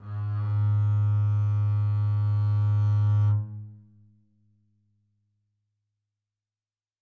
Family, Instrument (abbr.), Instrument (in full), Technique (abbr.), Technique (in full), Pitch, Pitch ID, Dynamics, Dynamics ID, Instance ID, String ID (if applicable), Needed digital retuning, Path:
Strings, Cb, Contrabass, ord, ordinario, G#2, 44, mf, 2, 0, 1, FALSE, Strings/Contrabass/ordinario/Cb-ord-G#2-mf-1c-N.wav